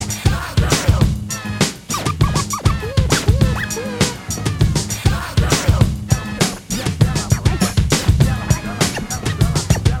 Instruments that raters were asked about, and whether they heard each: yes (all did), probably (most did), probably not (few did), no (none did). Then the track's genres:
guitar: no
clarinet: no
cymbals: yes
cello: no
Funk; Bigbeat